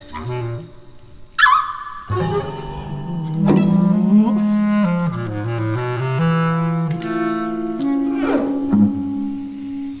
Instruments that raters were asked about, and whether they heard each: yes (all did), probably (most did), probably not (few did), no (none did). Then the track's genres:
saxophone: probably
clarinet: yes
Free-Jazz; Improv